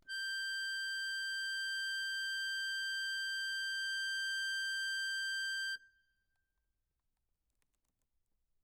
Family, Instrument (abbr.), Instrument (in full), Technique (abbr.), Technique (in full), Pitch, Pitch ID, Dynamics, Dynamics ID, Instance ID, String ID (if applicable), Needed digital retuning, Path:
Keyboards, Acc, Accordion, ord, ordinario, G6, 91, mf, 2, 2, , FALSE, Keyboards/Accordion/ordinario/Acc-ord-G6-mf-alt2-N.wav